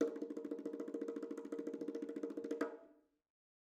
<region> pitch_keycenter=62 lokey=62 hikey=62 volume=22.386031 offset=228 lovel=0 hivel=83 ampeg_attack=0.004000 ampeg_release=0.3 sample=Membranophones/Struck Membranophones/Bongos/BongoH_Roll_v2_rr1_Mid.wav